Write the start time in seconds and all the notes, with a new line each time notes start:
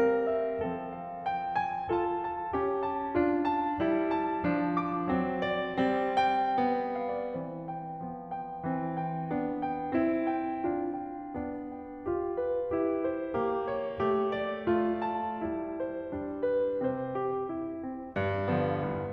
0.00 G3 C4 A#4
0.31 E5
0.62 F3 C4 A4
0.92 F5
1.25 G5
1.54 G#5
1.89 F4 A4 A5
2.16 A5
2.53 C#4 G4
2.77 A5
3.11 D4 F4
3.46 A5
3.81 G3 E4
4.13 A5
4.44 F3 D4
4.82 D6
5.15 F#3 C4
5.48 D5
5.80 G3 C4
6.18 G5
6.57 B3
6.95 F5
7.11 D5
7.33 E3 C4 C5
7.66 G5
8.06 F3 B3
8.34 G5
8.64 E3 C4
9.00 G5
9.33 B3 D4
9.65 G5
9.95 C4 E4
10.34 G5
10.69 D4 F4
10.97 G5
11.37 B3 D4
11.70 G5
12.05 F4 G4
12.38 B4
12.68 E4
12.98 C5
13.32 A#3 G4
13.70 C#5
13.98 A3 G4
14.32 D5
14.63 A3 F4
15.05 A5
15.42 G3 E4
15.79 C5
16.15 G3 D4
16.43 B4
16.87 C3 C4 C5
17.21 G4
17.53 E4
17.84 C4
18.15 G2
18.51 D3 F3 B3
18.80 C2